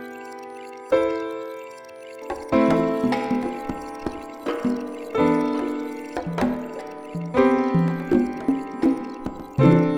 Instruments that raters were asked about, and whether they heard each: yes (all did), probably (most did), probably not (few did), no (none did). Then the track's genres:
mallet percussion: no
ukulele: no
Avant-Garde